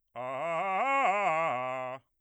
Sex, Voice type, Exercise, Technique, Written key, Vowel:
male, bass, arpeggios, fast/articulated forte, C major, a